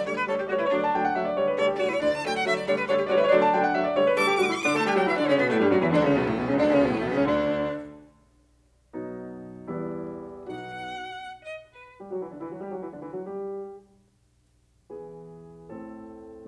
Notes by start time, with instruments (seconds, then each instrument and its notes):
0.00 piano D3 G3 A3, violin C#5
0.16 violin B4
0.26 piano D3 G3 A3 C#5, violin A4
0.38 violin G4
0.48 piano D3 G3 A3 C#5, violin F#4
0.57 violin E4, piano D5
0.64 piano C#5
0.72 piano D3 F#3 A3 D5, violin D4
0.82 piano A5
0.93 piano D3 F#3 A3 G5
1.02 piano F#5
1.13 piano D3 F#3 A3 E5
1.23 piano D5
1.34 piano D3 G3 A3 C#5
1.44 piano B4
1.54 piano D3 G3 A3 A4, violin C#5
1.67 piano G4
1.78 piano D3 G3 A3 F#4, violin C#5
1.85 piano E4, violin D5
1.90 violin C#5
1.97 piano D2 D4, violin D5
2.08 violin A5
2.25 piano D3 F#3 A3, violin G5
2.36 violin F#5
2.46 piano D3 F#3 A3, violin E5
2.57 violin D5
2.71 piano D3 G3 A3, violin C#5
2.80 violin B4
2.91 piano D3 G3 A3 C#5, violin A4
3.02 violin G4
3.12 piano D3 G3 A3 C#5, violin F#4
3.19 piano D5
3.25 violin E4, piano C#5
3.34 piano D3 F#3 A3 D5, violin D4
3.44 piano A5
3.54 piano D3 F#3 A3 G5
3.63 piano F#5
3.75 piano D3 F#3 A3 E5
3.85 piano D5
3.99 piano D3 G3 A3 C#5
4.08 piano B4
4.17 piano D3 G3 A3 A4, violin C#6
4.28 piano G4
4.39 piano D3 G3 A3 F#4, violin C#6
4.45 piano E4, violin D6
4.52 violin C#6
4.59 piano D3 D4, violin D6
4.71 piano A3 A4, violin A5
4.86 piano G3 G4, violin G5
4.97 piano F#3 F#4, violin F#5
5.07 piano E3 E4, violin E5
5.18 piano D3 D4, violin D5
5.27 piano C#3 C#4, violin C#5
5.38 piano B2 B3, violin B4
5.51 piano A2 A3, violin A4
5.61 piano G2 G3, violin G4
5.71 piano F#2 F#3, violin F#4
5.80 piano E2 E3, violin E4
5.91 piano D2 D3, violin D4
6.01 piano C#2 C#3, violin C#4
6.13 piano B1 B2, violin B3
6.25 piano A1 A2, violin A3
6.35 piano B1 B2, violin B3
6.46 piano C#2 C#3, violin C#4
6.56 piano D2 D3, violin D4
6.66 piano C#2 C#3, violin C#4
6.77 piano B1 B2, violin B3
6.87 piano A1 A2, violin A3
6.98 piano B1 B2, violin B3
7.08 piano C#2 C#3, violin C#4
7.17 piano D2 D3, violin D4
8.95 piano B2 F#3 B3 D#4
9.74 piano E2 G3 B3 E4
10.46 piano B1 B2 B3 D#4 F#4, violin F#5
11.42 violin D#5
11.70 violin B4
12.02 piano G3 G4
12.12 piano F#3 F#4
12.24 piano E3 E4
12.33 piano D3 D4
12.42 piano E3 E4
12.52 piano F#3 F#4
12.61 piano G3 G4
12.72 piano F#3 F#4
12.82 piano E3 E4
12.92 piano D3 D4
13.00 piano E3 E4
13.11 piano F#3 F#4
13.21 piano G3 G4
14.92 piano E3 B3 E4 G#4
15.70 piano A2 C4 E4 A4